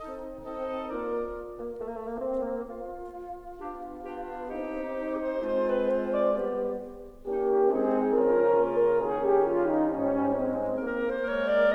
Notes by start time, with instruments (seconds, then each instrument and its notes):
0.00 bassoon C4, clarinet D#4, oboe A4 D#5
0.52 bassoon C4, clarinet D#4, oboe A4 D#5
0.92 bassoon A#3, clarinet D4, oboe A#4 D5
1.57 bassoon A#3
1.83 bassoon A3
1.94 bassoon A#3
2.05 bassoon A3
2.17 bassoon A#3
2.28 bassoon C4
2.50 bassoon A#3
2.74 bassoon F4
3.60 bassoon B3, clarinet D4 G4
4.06 bassoon B3, clarinet D4 G4
4.47 bassoon C4 D#4, clarinet D#4 G4
5.24 clarinet C5
5.49 bassoon G#3 C4, clarinet F4 C5
5.70 clarinet B4
5.89 clarinet C5
6.13 clarinet D5
6.37 bassoon G3 B3, clarinet G4
7.30 bassoon A#3, horn C#4 G4, clarinet D#4
7.76 bassoon G#3, horn C4 G#4, clarinet D#4
8.14 bassoon C#3 F3, horn C#4 A#4, clarinet F4
8.61 bassoon A#3
8.84 horn A#4
9.07 bassoon D#3, horn C#4 G#4, clarinet D#4
9.29 horn G4
9.51 bassoon G3, horn F4
9.72 horn D#4
9.95 bassoon G#2, horn C#4, clarinet D#4
10.44 bassoon G#3, horn C4
10.88 bassoon A#3, clarinet A#4, oboe A#4
11.06 clarinet C5
11.31 bassoon G#3 A#3, oboe A#4, clarinet C#5
11.53 clarinet D5